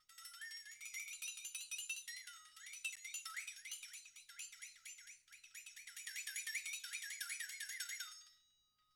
<region> pitch_keycenter=63 lokey=63 hikey=63 volume=20.000000 offset=3893 ampeg_attack=0.004000 ampeg_release=1.000000 sample=Idiophones/Struck Idiophones/Flexatone/flexatone_long2.wav